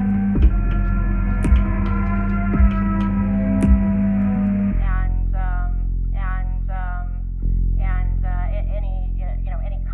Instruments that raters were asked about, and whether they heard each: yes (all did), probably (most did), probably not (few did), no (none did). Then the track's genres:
bass: no
Experimental; Sound Collage; Trip-Hop